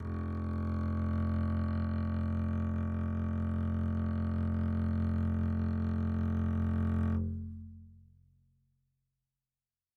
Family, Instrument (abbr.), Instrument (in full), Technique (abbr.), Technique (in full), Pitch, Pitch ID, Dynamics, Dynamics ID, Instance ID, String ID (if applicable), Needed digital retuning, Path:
Strings, Cb, Contrabass, ord, ordinario, F1, 29, mf, 2, 3, 4, FALSE, Strings/Contrabass/ordinario/Cb-ord-F1-mf-4c-N.wav